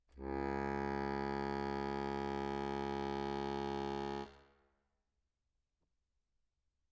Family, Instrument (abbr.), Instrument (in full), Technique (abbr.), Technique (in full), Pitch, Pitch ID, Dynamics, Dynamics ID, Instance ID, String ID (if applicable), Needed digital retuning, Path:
Keyboards, Acc, Accordion, ord, ordinario, C#2, 37, mf, 2, 1, , FALSE, Keyboards/Accordion/ordinario/Acc-ord-C#2-mf-alt1-N.wav